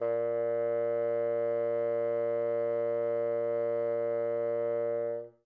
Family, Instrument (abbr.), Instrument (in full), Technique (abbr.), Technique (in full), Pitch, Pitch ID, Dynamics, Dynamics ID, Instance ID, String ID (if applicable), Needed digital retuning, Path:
Winds, Bn, Bassoon, ord, ordinario, A#2, 46, mf, 2, 0, , TRUE, Winds/Bassoon/ordinario/Bn-ord-A#2-mf-N-T11u.wav